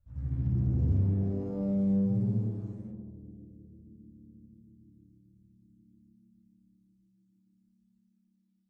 <region> pitch_keycenter=67 lokey=67 hikey=67 volume=19.000000 offset=2659 ampeg_attack=0.004000 ampeg_release=2.000000 sample=Membranophones/Struck Membranophones/Bass Drum 2/bassdrum_rub10.wav